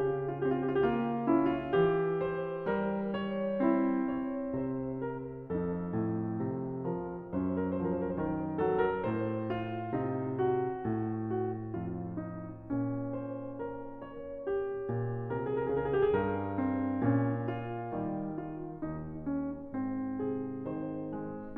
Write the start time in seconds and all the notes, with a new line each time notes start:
0.00 C#3 G4
0.26 F4
0.39 G4
0.44 C4
0.53 F4
0.66 G4
0.84 A#3 F4
1.21 C#4
1.27 E4
1.57 F4
1.71 E3 G4
2.31 C5
2.66 G3 A#4
3.13 C#5
3.69 C4 E4
4.38 C#5
4.60 C3 C5
4.97 A#4
5.54 F2 D#4 A4
5.91 A2
6.40 C3
6.82 F3
6.87 A#4
7.30 F#2 C#4
7.45 C5
7.56 A#4
7.77 F3 C5
7.87 A#4
8.08 C5
8.19 D#3 A#4
8.59 F#3 A4
8.79 A#4
9.02 A2
9.11 C5
9.30 F4
9.95 C3 D#4
10.24 F#4
11.01 A2
11.48 F#4
11.80 F2 F4
12.19 D#4
12.56 A#2 D4
13.14 C5
13.63 A#4
13.93 C#5
14.62 G4
14.94 A#2
15.22 C3
15.33 A#4
15.56 G#4
15.67 C#3 A#4
15.82 G#4
16.16 G2
16.23 A#4
16.65 C4
17.03 A#2 C#4
17.68 F4
17.98 D#3 G3
18.38 F4
18.84 D#2 D#4
19.31 C#4
19.74 G#2
19.95 C4
20.20 C3
20.27 G#4
20.74 D#3
20.90 C5
21.12 G#3
21.57 A#2